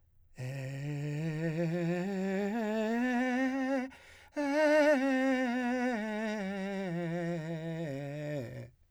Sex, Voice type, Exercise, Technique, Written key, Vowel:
male, , scales, breathy, , e